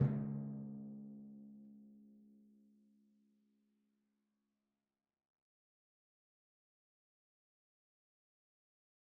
<region> pitch_keycenter=49 lokey=48 hikey=50 tune=-15 volume=19.961031 lovel=66 hivel=99 seq_position=1 seq_length=2 ampeg_attack=0.004000 ampeg_release=30.000000 sample=Membranophones/Struck Membranophones/Timpani 1/Hit/Timpani3_Hit_v3_rr1_Sum.wav